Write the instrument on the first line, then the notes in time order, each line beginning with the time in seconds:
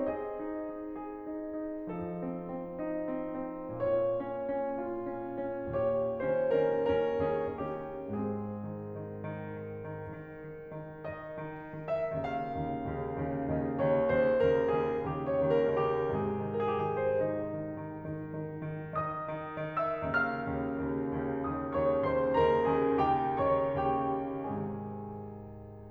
piano
0.00 C4 G#4 D#5
0.41 D#4
0.68 D#4
1.02 G#4
1.28 D#4
1.61 D#4
1.94 F3 D#4 A4
2.22 C4
2.44 C4
2.80 D#4
3.18 C4
3.49 C4
3.84 A#2 F4 C#5
4.19 C#4
4.48 C#4
4.84 F4
5.13 C#4
5.48 C#4
5.77 D#2 A#2 G4 C#5
6.22 D#3 C#4 C5
6.58 D#3 C#4 A#4
6.99 D#2 C#4 A#4
7.29 D#3 C#4 G#4
7.64 D#3 C#4 G4
8.10 G#2 C4 G#4
8.66 D#3
8.97 D#3
9.25 D#3
9.56 D#3
9.85 D#3
10.11 D#3
10.46 D#3
10.76 D#3
11.15 D#3 D#5
11.49 D#3
11.77 D#3
11.85 E5
12.28 D#2 C#3 D#3 F5
12.55 D#2 C#3 D#3
12.93 D#2 C#3 D#3
13.21 D#2 C#3 D#3
13.50 D#2 C#3 D#3 D#5
13.77 D#2 C#3 D#3 C#5
14.02 D#2 C#3 D#3 C5
14.41 D#2 C#3 D#3 A#4
14.72 D#2 C#3 D#3 G#4
15.01 D#2 C#3 D#3 G4
15.31 C#5
15.45 D#2 C#3 D#3
15.64 A#4
15.86 D#2 C#3 D#3
15.94 G4
16.16 G#2 C3 D#3 G#4
16.53 A#4
16.60 D#3 G#4
16.71 G4
16.83 G#4
16.99 D#3
17.07 C5
17.26 D#3 D#4
17.61 D#3
17.88 D#3
18.09 D#3
18.38 D#3
18.66 D#3
18.95 D#3 D#5 D#6
19.33 D#3
19.71 D#3
19.80 E5 E6
20.04 D#2 C#3 D#3 F5 F6
20.43 D#2 C#3 D#3
20.81 D#2 C#3 D#3
21.14 D#2 C#3 D#3
21.48 D#2 C#3 D#3 D#5 D#6
21.80 D#2 C#3 D#3 C#5 C#6
22.07 D#2 C#3 D#3 C5 C6
22.40 D#2 C#3 D#3 A#4 A#5
22.77 D#2 C#3 D#3 G#4 G#5
23.09 D#2 C#3 D#3 G4 G5
23.44 D#2 C#3 D#3 C#5 C#6
23.87 D#2 C#3 D#3 G4 G5
24.45 G#2 C3 D#3 G#4 G#5